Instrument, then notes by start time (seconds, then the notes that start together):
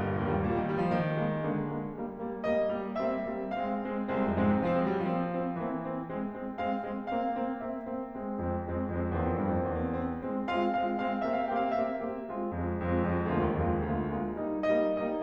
piano
0.00 G1 G3 A#3
0.10 A#1
0.22 D#2 G3 A#3
0.34 G2
0.44 A#2 G3 A#3
0.56 D#3
0.73 G3 A#3
0.86 F3
1.07 D#3 G#3 A#3
1.32 G#3 A#3
1.54 D3 G#3 A#3
1.88 G#3 A#3
2.09 G3 A#3
2.31 G3 A#3
2.52 G3 A#3 D#5
2.80 G3 A#3
3.00 G3 A#3 C4 E5
3.25 G3 A#3 C4
3.48 G#3 C4 F5
3.68 G#3 C4
3.98 G#3 C4
4.16 C2
4.26 F2 G#3 C4
4.38 G#2
4.49 C3 G#3 C4
4.66 F3
4.82 G#3 C4
4.93 G3
5.07 F3 A#3 C4
5.38 A#3 C4
5.65 E3 A#3 C4
5.84 A#3 C4
6.10 G#3 C4
6.37 G#3 C4
6.62 G#3 C4 F5
6.84 G#3 C4
7.11 A#3 C4 F5
7.34 A#3 C4
7.62 A#3 C4 E5
7.87 A#3 C4
8.14 G#3 C4
8.37 F2 G#3 C4
8.64 F2 G#3 C4
8.90 F2 G#3 C4
9.14 E2 A#3 C4
9.24 F2
9.42 G2 A#3 C4
9.57 F2
9.68 E2 A#3 C4
9.98 A#3 C4
10.24 G#3 C4
10.46 G#3 C4 F4 F5
10.67 G#3 C4 F4 F5
10.89 G#3 C4 F4 F5
11.18 A#3 C4 G4 E5
11.35 F5
11.47 A#3 C4 G4 G5
11.60 F5
11.75 A#3 C4 G4 E5
12.00 A#3 C4 G4
12.24 G#3 C4 F4
12.45 F2 G#3 C4 F4
12.68 F2 G#3 C4 F4
13.01 F2 G#3 C4 F4
13.33 D2 G#3 A#3 F4
13.46 D#2
13.61 F2 G#3 A#3 F4
13.79 D#2
13.94 D2 G#3 A#3 F4
14.18 G#3 A#3 F4
14.42 G3 A#3 D#4
14.69 G3 A#3 D#4 D#5
15.00 G3 A#3 D#4 D#5